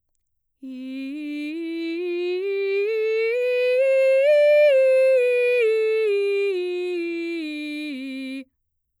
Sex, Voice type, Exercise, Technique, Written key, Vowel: female, mezzo-soprano, scales, straight tone, , i